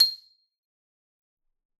<region> pitch_keycenter=96 lokey=94 hikey=97 volume=6.870141 lovel=84 hivel=127 ampeg_attack=0.004000 ampeg_release=15.000000 sample=Idiophones/Struck Idiophones/Xylophone/Hard Mallets/Xylo_Hard_C7_ff_01_far.wav